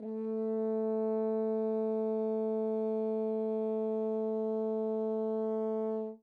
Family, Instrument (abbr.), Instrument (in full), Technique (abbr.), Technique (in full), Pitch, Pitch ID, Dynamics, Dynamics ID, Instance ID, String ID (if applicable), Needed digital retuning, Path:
Brass, Hn, French Horn, ord, ordinario, A3, 57, mf, 2, 0, , FALSE, Brass/Horn/ordinario/Hn-ord-A3-mf-N-N.wav